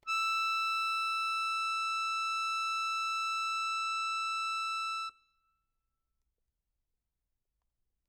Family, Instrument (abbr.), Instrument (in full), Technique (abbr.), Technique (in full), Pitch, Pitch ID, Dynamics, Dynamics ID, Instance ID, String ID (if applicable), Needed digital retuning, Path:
Keyboards, Acc, Accordion, ord, ordinario, E6, 88, mf, 2, 0, , FALSE, Keyboards/Accordion/ordinario/Acc-ord-E6-mf-N-N.wav